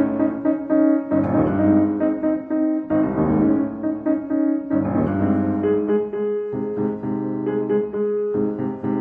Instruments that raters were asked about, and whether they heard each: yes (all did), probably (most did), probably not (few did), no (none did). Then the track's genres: piano: yes
guitar: no
banjo: no
Classical